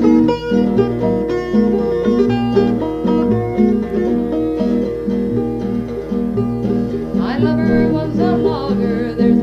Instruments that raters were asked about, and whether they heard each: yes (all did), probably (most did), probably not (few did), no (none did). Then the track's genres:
trumpet: no
drums: no
mandolin: probably
ukulele: yes
organ: no
Folk